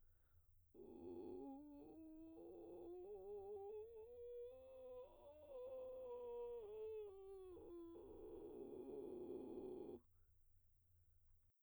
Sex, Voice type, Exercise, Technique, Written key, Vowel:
female, soprano, scales, vocal fry, , u